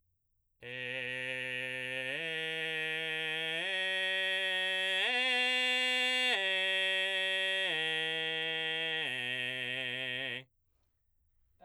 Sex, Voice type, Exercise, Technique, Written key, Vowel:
male, baritone, arpeggios, belt, , e